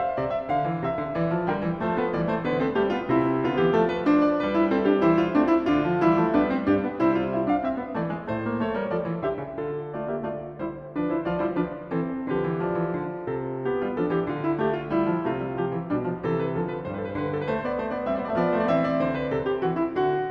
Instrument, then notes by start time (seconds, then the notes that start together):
piano
0.00 F5
0.19 C3 D5
0.36 E5
0.49 D3 F5
0.66 E3
0.79 C3 E5
0.95 D3
1.13 E3 B4 D5
1.27 F3
1.44 D3 G3 A#4 G5
1.60 E3
1.79 F3 A3 A4 C5
1.95 B3 B4
2.14 E3 G3 D5
2.28 A3 C5
2.43 D3 B3 B4
2.58 C4 A4
2.74 G3 A3 G4
2.91 B3 F4
3.08 C3 C4
3.12 E4
3.42 D3 B3 F4
3.59 E3 G4
3.72 F3 A3 A4
3.91 B4
4.05 D4 C5
4.24 D5
4.41 G3 B4
4.55 E4
4.70 C4 A4
4.86 D4 G4
5.05 E3 E4 C5
5.21 F4
5.36 A3 C4 D4
5.51 E4
5.65 D3 D4 F4
5.83 F3
5.99 E3 G3 E4
6.19 F3 A3
6.34 G3 B3 D4 B4
6.51 C4
6.69 G2 D4 G4
6.84 B3
6.99 C3 G3 E4 C5
7.14 F4
7.29 E4 E5
7.45 D4 F5
7.63 C4 E5
7.77 B3
7.93 E3 A3 D5
8.07 G#3
8.23 A2 A3 C5
8.46 A#3
8.59 A3 A4 C#5
8.74 G3 A#4
8.89 F3 A4 D5
9.09 E3
9.24 D3 G4 E5
9.40 C#3
9.57 D3 F4 A4
9.90 A3 F4 D5
10.07 A#3 G4 E5
10.22 A3 F4 D5
10.60 G3 E4 C5
10.96 F3 D4 B4
11.11 E4 C5
11.25 F3 F4 D5
11.42 G3 E4 C5
11.54 F3 D4 B4
11.91 E3 C4 A4
12.33 D3 F3 G4 B4
12.48 E3
12.65 F3 D5
12.77 E3
12.96 D3
13.28 C3 A4
13.62 B3 G4
13.83 G3 F4
13.98 F3 D4 A4
14.13 E3 G4
14.27 D3 F4
14.41 E4
14.57 A3 G4
14.72 F4
14.85 G3 E4
14.99 F3
15.16 C3 A3
15.21 F4
15.37 G3
15.55 F3 G4
15.73 E3
15.88 B2 G3 D4
16.04 F3
16.22 C3 E3 A4
16.36 B4
16.51 D3 F3 A4
16.67 B4
16.85 G2 G3 C5
16.90 B4
16.96 C5
17.02 B4
17.08 C5
17.14 B4
17.18 D3 C5
17.24 B4
17.36 A4
17.45 B4
17.52 A3 C5
17.68 B3 D5
17.81 A3 C5
17.95 B3 D5
18.09 G3 B3 C4 E5
18.13 C4 D5 E5
18.19 B3 D5
18.24 C4 E5
18.30 B3 D5
18.34 F3 C4 E5
18.41 B3 D5
18.53 A3 C5
18.61 B3 D5
18.69 E3 C4 E5
18.85 D5
19.01 D3 C5
19.17 B4
19.30 C3 A4
19.45 G4
19.60 E3 F#4
19.75 E4
19.90 D3 F#4